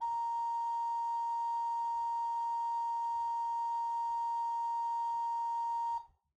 <region> pitch_keycenter=82 lokey=82 hikey=83 offset=36 ampeg_attack=0.004000 ampeg_release=0.300000 amp_veltrack=0 sample=Aerophones/Edge-blown Aerophones/Renaissance Organ/8'/RenOrgan_8foot_Room_A#4_rr1.wav